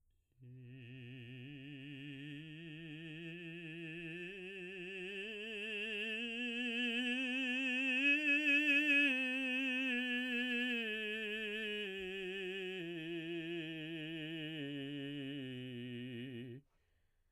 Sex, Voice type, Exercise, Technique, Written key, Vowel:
male, baritone, scales, slow/legato piano, C major, i